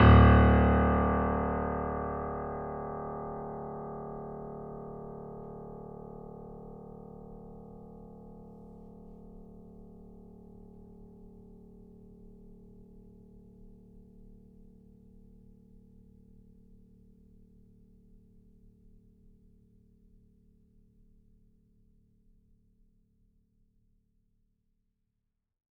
<region> pitch_keycenter=26 lokey=26 hikey=27 volume=-0.104107 lovel=66 hivel=99 locc64=0 hicc64=64 ampeg_attack=0.004000 ampeg_release=0.400000 sample=Chordophones/Zithers/Grand Piano, Steinway B/NoSus/Piano_NoSus_Close_D1_vl3_rr1.wav